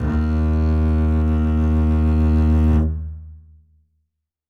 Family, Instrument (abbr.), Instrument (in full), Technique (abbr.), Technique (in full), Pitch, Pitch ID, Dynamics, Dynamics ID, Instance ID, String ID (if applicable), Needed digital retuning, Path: Strings, Cb, Contrabass, ord, ordinario, D#2, 39, ff, 4, 3, 4, TRUE, Strings/Contrabass/ordinario/Cb-ord-D#2-ff-4c-T16u.wav